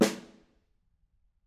<region> pitch_keycenter=61 lokey=61 hikey=61 volume=7.697267 offset=213 lovel=94 hivel=110 seq_position=2 seq_length=2 ampeg_attack=0.004000 ampeg_release=15.000000 sample=Membranophones/Struck Membranophones/Snare Drum, Modern 1/Snare2_HitSN_v7_rr2_Mid.wav